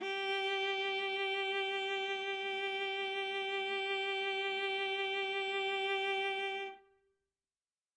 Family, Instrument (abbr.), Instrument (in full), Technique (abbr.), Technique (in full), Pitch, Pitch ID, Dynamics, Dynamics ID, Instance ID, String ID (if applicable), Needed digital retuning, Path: Strings, Va, Viola, ord, ordinario, G4, 67, ff, 4, 2, 3, FALSE, Strings/Viola/ordinario/Va-ord-G4-ff-3c-N.wav